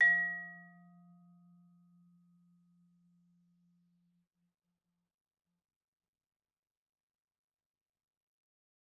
<region> pitch_keycenter=53 lokey=53 hikey=55 volume=3.401338 offset=113 lovel=84 hivel=127 ampeg_attack=0.004000 ampeg_release=15.000000 sample=Idiophones/Struck Idiophones/Vibraphone/Soft Mallets/Vibes_soft_F2_v2_rr1_Main.wav